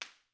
<region> pitch_keycenter=61 lokey=61 hikey=61 volume=-0.531236 offset=361 seq_position=2 seq_length=2 ampeg_attack=0.004000 ampeg_release=0.300000 sample=Idiophones/Struck Idiophones/Slapstick/slapstick_quiet_rr2.wav